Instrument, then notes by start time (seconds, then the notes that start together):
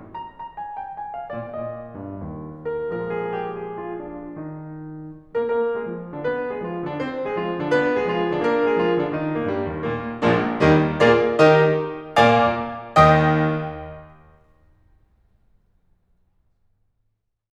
piano
0.09 A#5
0.24 A#5
0.57 G#5
0.76 G5
0.93 G#5
1.14 F5
1.34 A#2 D5
1.55 A#2 D#5
2.01 G2
2.26 D#2
2.66 A#4
2.93 A#2 F3 G#3 A#4
3.12 G#4
3.30 G4
3.52 G#4
3.74 F4
3.95 D4
4.42 D#3 G3 D#4
5.36 A#4
5.49 A#3 A#4
5.80 G#3 G#4
5.93 F3 F4
6.17 D3 D4
6.28 B3 B4
6.51 G#3 G#4
6.65 F3 F4
6.86 D3 D4
6.97 C4 C5
7.26 G#3 G#4
7.37 F3 F4
7.61 D3 D4
7.73 B3 B4
7.99 G#3 G#4
8.13 F3 F4
8.32 D3 D4
8.42 A#3 A#4
8.67 G#3 G#4
8.77 F3 F4
8.99 D3 D4
9.08 D#3 D#4
9.35 A#2 A#3
9.47 G2 G3
9.72 D#2 D#3
9.83 A#2 A#3
10.25 A#1 A#2 F3 G#3 A#3 D4
10.68 D#2 D#3 G3 A#3 D#4
11.01 A#2 A#3 F4 G#4 A#4 D5
11.41 D#3 D#4 G4 A#4 D#5
12.23 A#2 A#3 D5 F5 G#5 D6
13.08 D#2 D#3 D#5 G5 D#6
14.83 D#5